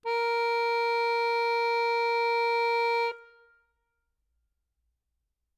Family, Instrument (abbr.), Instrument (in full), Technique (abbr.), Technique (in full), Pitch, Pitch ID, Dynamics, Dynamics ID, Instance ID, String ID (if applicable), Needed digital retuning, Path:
Keyboards, Acc, Accordion, ord, ordinario, A#4, 70, ff, 4, 1, , FALSE, Keyboards/Accordion/ordinario/Acc-ord-A#4-ff-alt1-N.wav